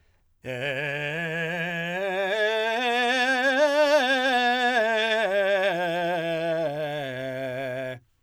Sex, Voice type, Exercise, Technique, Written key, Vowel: male, , scales, belt, , e